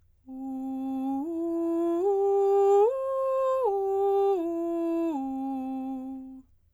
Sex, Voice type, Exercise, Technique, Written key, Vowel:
female, soprano, arpeggios, straight tone, , u